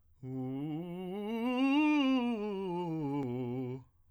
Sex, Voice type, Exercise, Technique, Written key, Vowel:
male, tenor, scales, fast/articulated piano, C major, u